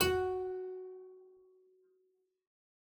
<region> pitch_keycenter=66 lokey=66 hikey=67 volume=3 trigger=attack ampeg_attack=0.004000 ampeg_release=0.350000 amp_veltrack=0 sample=Chordophones/Zithers/Harpsichord, English/Sustains/Lute/ZuckermannKitHarpsi_Lute_Sus_F#3_rr1.wav